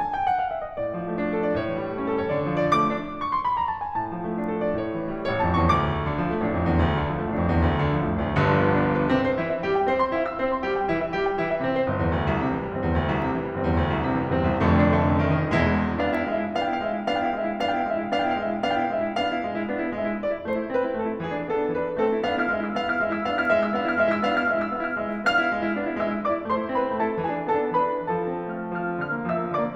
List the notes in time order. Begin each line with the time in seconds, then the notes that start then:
0.00 G#5
0.16 G5
0.30 F#5
0.39 F5
0.50 E5
0.65 D#5
0.80 A2 D5
0.93 F3
1.09 A3
1.21 D4
1.36 A4
1.49 D5
1.57 A2 C#5
1.68 E3
1.82 G3
1.96 A3 C#4
2.10 A4
2.22 C#5
2.35 D2
2.52 F3
2.60 D5
2.68 A3 D6
2.82 D4
3.22 C#6
3.32 C6
3.44 B5
3.55 A#5
3.69 A5
3.83 G#5
3.97 A2 A5
4.13 F3
4.26 A3
4.41 D4
4.55 A4
4.66 D5
4.83 A2 C#5
4.96 E3
5.12 G3
5.26 A1 C#5
5.42 F2 A5
5.58 E2 C#6
5.77 D2 D6
6.03 D3
6.19 F3
6.35 A1 A3
6.51 F2 D4
6.68 E2
6.84 D2
6.97 D3
7.11 F3
7.23 A1 A3
7.36 F2 D4
7.50 E2
7.64 D2
7.79 D3
7.89 F3
8.00 A1 A3
8.09 F2 D4
8.23 D2
8.38 G1 G2 D3
8.50 F3
8.63 B3
8.73 D4
8.88 F4
9.00 B4
9.15 C2 C3 C4
9.26 C5
9.39 E3 E4
9.56 E5
9.66 G3 G4
9.76 G5
9.85 C4 C5
9.98 C6
10.17 E4 E5
10.31 E6
10.40 C4 C5
10.52 C6
10.66 G3 G4
10.81 G5
10.90 E3 E4
11.01 E5
11.15 G3 G4
11.25 G5
11.41 E3 E4
11.56 E5
11.68 C3 C4
11.83 G1 C5
12.00 E2
12.18 D2
12.28 C2
12.43 C3
12.55 E3
12.67 G1 G3
12.81 E2 C4
12.91 D2
13.04 C2
13.20 C3
13.35 E3
13.48 G1 G3
13.62 E2 C4
13.78 D2
13.92 C2
14.07 C3
14.16 E3
14.27 G1 G3
14.42 E2 C4
14.55 C2
14.72 F1 F2 D3 A3
14.88 D4
15.01 D3 A3
15.16 D4
15.30 D#3 A3
15.44 D#4
15.60 E1 E2 E3 G#3 E4
15.96 B3 D4 F5
16.06 G5
16.13 E4 F5
16.28 G#3 E5
16.40 E4
16.56 B3 D4 F5
16.64 G5
16.72 E4 F5
16.83 G#3 E5
16.99 E4
17.11 B3 D4 F5
17.17 G5
17.26 E4 F5
17.41 G#3 E5
17.52 E4
17.62 B3 D4 F5
17.71 G5
17.76 E4 F5
17.89 G#3 E5
18.02 E4
18.13 B3 D4 F5
18.19 G5
18.25 E4 F5
18.43 G#3 E5
18.55 E4
18.65 B3 D4 F5
18.73 G5
18.80 E4 F5
18.94 G#3 E5
19.06 E4
19.17 B3 D4 F5
19.28 E4
19.44 G#3
19.54 E4
19.66 B3 D4
19.75 E4
19.90 G#3 E5
20.04 E4
20.21 B3 D4 D5
20.33 E4
20.47 A3 C5
20.55 D5
20.62 E4 C5
20.74 C4 B4
20.89 E4
21.05 A3 A4
21.15 E4
21.22 E3 G#4
21.39 D4
21.49 B3 A4
21.62 D4
21.76 E3 B4
21.88 D4
21.97 A3 C4 A4
22.07 E4
22.22 B3 D4 F5
22.36 E4 F6
22.50 G#3 E5
22.62 E4 E6
22.74 B3 D4 F5
22.89 E4 F6
22.98 G#3 E5
23.12 E4 E6
23.24 B3 D4 F5
23.38 E4 F6
23.56 G#3 E5
23.64 E4 E6
23.74 B3 D4 F5
23.86 E4 F6
23.96 G#3 E5
24.11 E4 E6
24.26 B3 D4 F5
24.37 E4 F6
24.51 G#3 E5
24.64 E4 E6
24.74 B3 D4 F5
24.83 E4 F6
24.95 G#3 E5 E6
25.08 E4
25.22 B3 D4 F5 F6
25.37 E4
25.52 G#3
25.62 E4
25.72 B3 D4
25.83 E4
25.99 G#3 E5 E6
26.10 E4
26.20 B3 D4 D5 D6
26.32 E4
26.49 A3 C5 C6
26.58 E4
26.73 C4 B4 B5
26.85 E4
26.99 A3 A4 A5
27.09 E4
27.23 E3 G#4 G#5
27.34 D4
27.47 B3 A4 A5
27.60 D4
27.76 E3 B4 B5
27.95 D4
28.10 F3 A4 A5
28.31 C4
28.46 A3 F5 F6
28.60 C4
28.72 F3 F5 F6
28.86 C4
28.99 D3 F5 F6
29.11 A#3
29.25 F3 E5 E6
29.37 A#3
29.52 D3 D5 D6
29.64 A#3